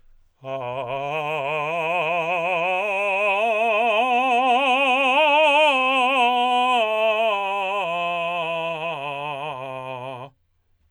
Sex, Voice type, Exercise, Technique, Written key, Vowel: male, tenor, scales, vibrato, , a